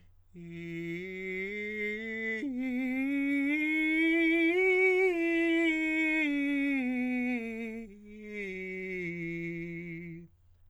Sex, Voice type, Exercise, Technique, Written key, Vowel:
male, countertenor, scales, slow/legato forte, F major, i